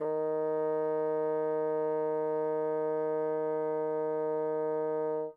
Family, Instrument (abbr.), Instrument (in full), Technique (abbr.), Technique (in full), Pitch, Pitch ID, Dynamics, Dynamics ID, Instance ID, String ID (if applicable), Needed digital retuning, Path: Winds, Bn, Bassoon, ord, ordinario, D#3, 51, mf, 2, 0, , FALSE, Winds/Bassoon/ordinario/Bn-ord-D#3-mf-N-N.wav